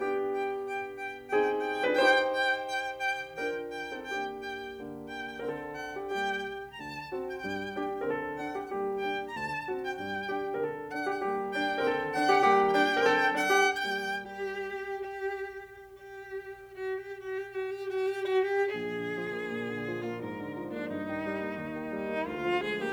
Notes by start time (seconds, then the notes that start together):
0.00 B3 D4 G4 G5
0.35 G5
0.66 G5
0.99 G5
1.35 C4 D#4 G#4 G5
1.67 G5
1.83 D4 F4 B4
2.00 D#4 G4 C5 G5
2.36 G5
2.73 G5
3.03 G5
3.38 D4 F4 A#4 G5
3.74 G5
3.91 C4 D#4 A4
4.09 A#3 D4 G4 G5
4.41 G5
4.78 D3 A#3
5.11 G5
5.32 A#4
5.40 D3 C4
5.49 A4
5.77 F#5
5.98 G4
6.16 G3 A#3 G4 G5
6.71 A#5
6.79 D2 D3 A5
7.04 C4 D4 F#4
7.22 G5
7.41 G2 G3 G5
7.76 A#3 D4 G4
7.95 A#4
8.02 D3 C4 A4
8.36 D4 F#5
8.54 G4
8.72 G3 A#3 G4
9.01 D4 G5
9.25 A#5
9.35 D2 D3 A5
9.56 C4 D4 F#4
9.74 G5
9.93 G2 G3 G5
10.30 A#3 D4 G4
10.53 A#4
10.61 D3 C4 A4
10.88 D4 F#5
10.99 G4
11.19 G3 A#3 G4
11.54 D4 G5
11.76 A#4
11.84 D3 C4 A4
12.11 D4 F#5
12.28 G4
12.45 G3 A#3 G4
12.75 D4 G5
12.95 A#4
13.01 D3 C4 A4
13.36 D4 F#5
13.53 G4
13.68 G3 A#3 G4 G5
14.08 G4
14.91 G4
15.44 G4
16.23 F#4
16.44 G4
16.65 F#4
16.86 G4
17.09 F#4
17.30 G4
17.53 F#4
17.80 G4
18.04 F#4
18.27 G4
18.58 A#1 G#4
18.75 D3
18.95 F3
19.13 A#3
19.33 A#2
19.52 D3
19.70 F3
19.89 A#3 F4
20.09 G#2 A#4
20.27 D3
20.47 F3
20.67 A#3 D4
20.85 G2 D#4
21.03 D#3
21.15 G3
21.32 A#3
21.51 D#2
21.68 D#3
21.86 G3
22.02 A#3
22.21 D2 F4
22.40 F3
22.57 G#3 G#4
22.76 A#3 G4